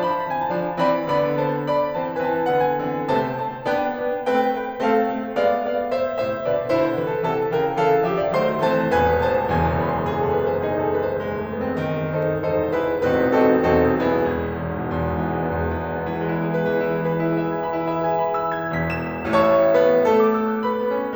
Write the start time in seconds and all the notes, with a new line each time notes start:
0.00 F3 D4 C5 A5
0.06 B5
0.13 A5
0.19 B5
0.24 E3 C4 A5
0.30 B5
0.36 G#5
0.49 A5
0.53 F3 D4
0.80 E3 C4 D5 B5
1.09 D3 B3 D5 B5
1.42 C5 A5
1.75 D5 B5
1.99 E3 C4 C5 A5
2.22 E3 C4 B4 G#5
2.28 A5
2.35 G#5
2.39 A5
2.46 D3 B3 G#5
2.52 A5
2.58 F#5
2.69 G#5
2.81 D3 B3
3.08 C3 A3 C5 A5
3.34 C5 A5
3.63 B3 D4 B4 G5
3.91 B3 D4
4.20 A3 C4 B4 G5
4.52 B4 G5
4.78 A3 C4 A4 F5
5.03 A3 C4
5.34 G#3 B3 D5 F5
5.60 G#3 B3 D5 F5
5.86 A3 C4 C5 E5
6.10 A2 C3 C5 E5
6.43 B2 D3 B4 D5
6.68 B2 D3 E4 C5
6.97 C3 E3 E4 B4
7.07 A4
7.22 C3 E3 A4 A5
7.45 C#3 E3 A#4 G5
7.71 C#3 E3 A4 F5
8.06 D3 F3 G4 E5
8.20 F4 D5
8.34 D#3 F#3 A3 C4 C5 C6
8.65 E3 A3 C4 C5 A5
9.00 E1 A1 E2 B4 G#5
9.30 C5 A5
9.54 C1 D#1 E2 G#5
9.78 A5
9.91 B5
10.02 C6
10.15 G#4 D#5
10.29 A4
10.39 B4
10.52 C5
10.62 D#4 G#4
10.79 A4
10.89 B4
11.05 C5
11.22 G#3 D#4
11.34 A3
11.46 B3
11.62 C4
11.87 D#3
12.19 D#4 A4 C5
12.55 E1 G#1 E2 D#4 A4 C5
12.79 E4 G#4 B4
13.06 E1 A1 E2 C4 D#4 F#4 B4
13.42 C4 D#4 F#4 A4
13.71 E1 B1 E2 C4 D#4 F#4 A4
14.07 B3 E4 G#4
14.48 E1
14.61 G#1 E2
14.88 B1 G#2
15.00 B2
15.09 E2
15.22 G#2 E3
15.36 B2 G#3
15.45 B3
15.58 E2
15.70 G#2 E3
15.80 B2 G#3
15.91 B3
16.02 E3
16.17 G#3 E4
16.29 B3 G#4
16.49 B4
16.65 E3
16.78 G#3 E4
16.90 B3 G#4
17.03 B4
17.14 E4
17.26 G#4 E5
17.46 B4 G#5
17.64 B5
17.75 E4
17.86 G#4 E5
18.02 B4 G#5
18.23 B5
18.38 E6
18.62 G#6
18.75 E1 E2 B6
19.11 E7
19.34 A2 A3 C#5 E5 A5 C#6
19.74 B3 B4
20.03 A3 A4
20.17 D6
20.34 E6
20.53 F#6
20.64 B4 B5
20.77 B3
20.90 C#4
21.05 D4